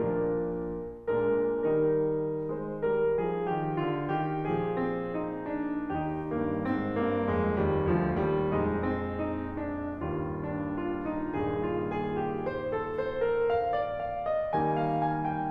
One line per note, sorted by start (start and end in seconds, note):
0.00 0.63 A#2
0.00 0.63 F3
0.00 0.63 D4
0.00 0.63 A#4
1.09 1.70 A#2
1.09 1.70 G#3
1.09 1.70 D4
1.09 1.70 A#4
1.71 3.51 D#3
1.71 2.44 G3
1.71 4.95 D#4
1.71 2.44 A#4
2.45 2.80 G#3
2.45 2.80 C5
2.81 3.16 G3
2.81 3.16 A#4
3.17 3.51 F3
3.17 3.51 G#4
3.52 3.87 D#3
3.52 3.87 G4
3.87 4.17 D3
3.87 4.17 F4
4.19 4.64 D#3
4.19 4.64 G4
4.64 5.93 A#2
4.64 5.93 F3
4.64 5.93 G#4
4.96 5.22 C4
5.24 5.62 D#4
5.63 5.93 D4
5.98 7.59 D#2
5.98 6.35 D#3
5.98 6.35 D#4
5.98 6.35 G4
6.36 6.63 G2
6.36 6.63 A#3
6.66 6.93 G#2
6.66 6.93 C4
6.94 7.26 G2
6.94 7.26 A#3
7.28 7.59 F2
7.28 7.59 G#3
7.60 7.89 D#2
7.60 7.89 G3
7.91 8.15 D2
7.91 8.15 F3
8.16 8.51 D#2
8.16 8.51 G3
8.52 9.94 A#1
8.52 9.94 F2
8.52 9.94 G#3
8.52 8.79 D#4
8.79 9.11 C4
9.13 9.43 D#4
9.43 9.94 D4
9.95 11.33 D#2
9.95 11.33 G2
9.95 11.33 G3
9.95 10.43 F4
10.45 10.76 D4
10.77 11.04 F4
11.05 11.33 D#4
11.34 14.52 D#2
11.34 14.52 G2
11.34 14.52 A#2
11.34 14.52 D#3
11.34 11.58 G#4
11.59 11.84 F4
11.85 12.18 G#4
12.19 12.45 G4
12.46 12.71 C5
12.72 12.96 A4
12.97 13.22 C5
13.24 13.50 A#4
13.50 13.76 F5
13.78 14.04 D5
14.04 14.22 F5
14.27 14.52 D#5
14.52 15.50 D#3
14.52 15.50 G3
14.52 15.50 A#3
14.52 15.50 D#4
14.52 14.73 G#5
14.73 14.94 F5
14.95 15.23 G#5
15.24 15.50 G5